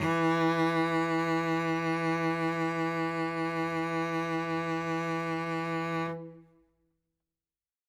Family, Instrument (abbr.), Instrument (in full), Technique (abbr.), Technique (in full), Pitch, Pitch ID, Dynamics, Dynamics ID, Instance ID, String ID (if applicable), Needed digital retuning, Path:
Strings, Vc, Cello, ord, ordinario, E3, 52, ff, 4, 1, 2, FALSE, Strings/Violoncello/ordinario/Vc-ord-E3-ff-2c-N.wav